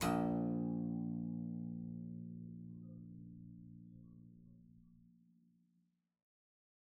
<region> pitch_keycenter=34 lokey=34 hikey=35 volume=1.763723 trigger=attack ampeg_attack=0.004000 ampeg_release=0.350000 amp_veltrack=0 sample=Chordophones/Zithers/Harpsichord, English/Sustains/Lute/ZuckermannKitHarpsi_Lute_Sus_A#0_rr1.wav